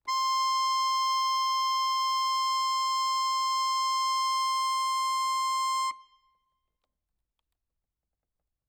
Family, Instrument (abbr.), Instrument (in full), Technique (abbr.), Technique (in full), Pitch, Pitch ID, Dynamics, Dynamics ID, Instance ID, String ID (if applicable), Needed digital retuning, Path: Keyboards, Acc, Accordion, ord, ordinario, C6, 84, ff, 4, 0, , FALSE, Keyboards/Accordion/ordinario/Acc-ord-C6-ff-N-N.wav